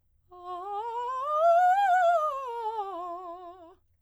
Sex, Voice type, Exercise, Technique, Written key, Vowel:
female, soprano, scales, fast/articulated piano, F major, a